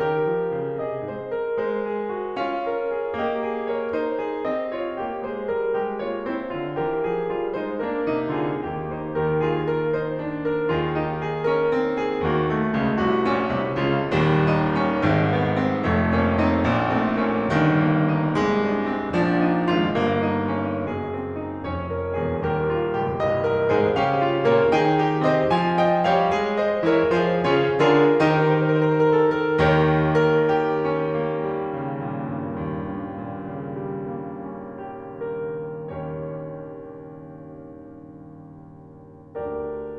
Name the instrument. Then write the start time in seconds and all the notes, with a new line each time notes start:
piano
0.00 D#3 G4 A#4
0.23 F3
0.52 C#3
0.81 C3 G#4 D#5
1.07 G#2 C5
1.34 A#4
1.57 G#3 C5
1.82 G#4
2.15 F#4
2.37 C#4 F4 F5
2.64 A#4
2.90 G#4
3.20 A#3 G4 D#5
3.44 G#4
3.70 A#4 C#5
3.91 D#4 C5
4.18 G#4
4.47 C4 G4 D#5
4.75 F4 C#5
5.00 A#3 G4
5.25 G#3 G#4 C5
5.50 G3 A#4
5.74 G#3 G4
6.04 A#3 F4 C#5
6.27 C4 E4 C5
6.51 D3 F4
6.77 E3 G4 A#4
6.98 F3 G#4
7.24 G3 F4
7.53 G#3 D#4 C5
7.78 A#3 D4 A#4
8.07 C3 D#4
8.36 D3 F4 G#4
8.63 D#2 D#3 A#3 G4
8.87 D#4 C5
9.06 D#2 G4 A#4
9.31 F4 G#4
9.60 A#4
9.91 D#4 C5
10.19 D4
10.45 A#4
10.70 D#2 D#3 F4 G#4
10.96 D#4 G4
11.23 G#4
11.47 C#4 A#4
11.70 C4
11.96 G#4
12.25 D#2 D#3 A#3
12.45 A3 F#4
12.71 C#2 C#3
13.00 C2 C3 F#4
13.32 A#1 A#2 C#4
13.61 C2 C3
13.87 C#2 C#3 F4
14.14 D#1 D#2 G3
14.47 D#4
14.77 C#4
15.08 G#1 G#2 D#3
15.33 A#3
15.58 C4
15.84 F1 F2 A3
16.14 A#3 C#4
16.38 C4 D#4
16.68 A#1 A#2
16.99 A3 C4
17.23 A#3 C#4
17.52 G1 G2 D#3
17.79 A#3
18.05 D#4
18.36 C2 C3 G#3
18.58 D4
18.83 C4
19.12 A#1 A#2 F3 D4
19.37 D#4
19.62 G#1 G#2 F4
19.88 G1 G2 A#3
20.22 D#4
20.48 C#4
20.75 F#1 F#2 G#4
21.08 C4
21.33 D#4
21.57 F1 F2 C#4 C#5
21.86 A#4
22.08 F1 F2 G#4
22.42 D#1 D#2 G4 A#4
22.71 F4
22.93 C#1 C#2 G4
23.21 C1 C2 D#5
23.45 A#4
23.72 G#2 G#3 G#4 C5
23.99 C#3 C#4 G4 F5
24.26 F4
24.47 A#2 A#3 A#4 C#5
24.75 D#3 D#4 G#4 G5
25.04 G4
25.26 C3 C4 C5 D#5
25.51 F3 F4 G#5
25.79 D#5 G5
26.04 G3 G4 C#5 F5
26.28 G#3 G#4
26.56 C5 D#5
26.84 E3 E4 G4 A#4 C#5
27.11 F3 F4 G#4 C5
27.50 C#3 C#4 F4 G#4 C#5
27.84 D3 D4 F4 G#4 A#4
28.21 D#3 D#4 G4 C5
28.29 A#4
28.51 C5
28.68 A#4
28.82 C5
28.87 A#4
28.96 C5
29.04 A#4
29.19 C5
29.33 A#4
29.41 G#4
29.49 A#4
29.58 D#2 D#3 G4 A#4 C#5
30.19 A#4
30.53 G4
30.86 C#4
31.16 A#3
31.43 G3
31.76 C#3
32.07 A#2
32.36 G2
32.65 D#2
32.93 G2
33.22 A#2
33.49 C#3
33.80 G3
34.11 A#3
34.53 C#4
34.90 G4
35.28 A#4
35.84 D#2 D#3 C#4 G4 A#4 C#5